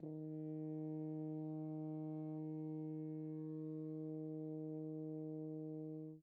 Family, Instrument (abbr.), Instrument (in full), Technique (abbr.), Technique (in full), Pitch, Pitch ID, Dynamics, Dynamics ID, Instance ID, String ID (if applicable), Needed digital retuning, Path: Brass, Hn, French Horn, ord, ordinario, D#3, 51, pp, 0, 0, , FALSE, Brass/Horn/ordinario/Hn-ord-D#3-pp-N-N.wav